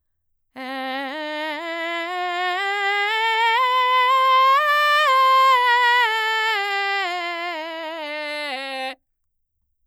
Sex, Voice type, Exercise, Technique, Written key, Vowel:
female, mezzo-soprano, scales, belt, , e